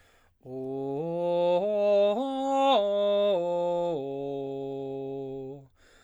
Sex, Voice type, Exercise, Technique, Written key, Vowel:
male, baritone, arpeggios, slow/legato forte, C major, o